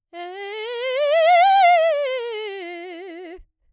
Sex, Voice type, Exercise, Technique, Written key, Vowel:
female, soprano, scales, fast/articulated piano, F major, e